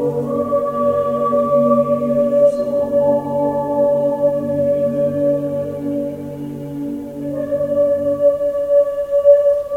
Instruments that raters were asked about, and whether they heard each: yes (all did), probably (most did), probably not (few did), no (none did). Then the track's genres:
flute: probably not
Choral Music